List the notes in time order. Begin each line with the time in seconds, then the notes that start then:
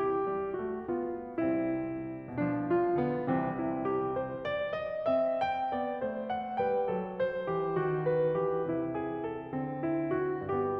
0.00 G4
0.26 G3
0.58 A3 F#4
0.98 B3 F4
1.38 C2 C3 G3 C4 E4
2.32 B2 F3 D4
2.68 F4
3.01 D3 B3
3.34 C2 C3 E3 C4
3.66 E4
3.89 G4
4.17 C5
4.47 D5
4.73 D#5
5.07 C4 E5
5.39 G5
5.72 B3 D5
6.04 A3 C5
6.30 F#5
6.61 G3 B4 G5
6.90 F#3 A4
7.24 C5
7.47 E3 G4
7.74 D#3 F#4
8.07 B4
8.34 E3 G4
8.65 C3 E4
8.95 G#4
9.23 A4
9.51 D3 C4
9.80 E4
10.11 F#4
10.50 G2 B3 G4